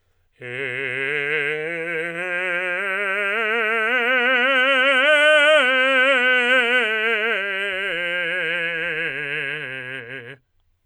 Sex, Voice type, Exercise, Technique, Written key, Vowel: male, tenor, scales, vibrato, , e